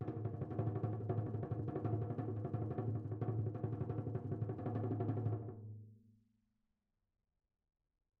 <region> pitch_keycenter=63 lokey=63 hikey=63 volume=12.302376 offset=235 lovel=84 hivel=127 ampeg_attack=0.004000 ampeg_release=1 sample=Membranophones/Struck Membranophones/Tom 1/Mallet/TomH_RollM_v2_rr1_Mid.wav